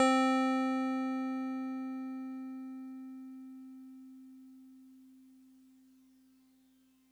<region> pitch_keycenter=72 lokey=71 hikey=74 volume=11.521152 lovel=66 hivel=99 ampeg_attack=0.004000 ampeg_release=0.100000 sample=Electrophones/TX81Z/FM Piano/FMPiano_C4_vl2.wav